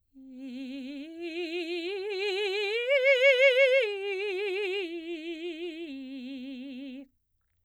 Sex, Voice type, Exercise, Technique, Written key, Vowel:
female, soprano, arpeggios, slow/legato piano, C major, i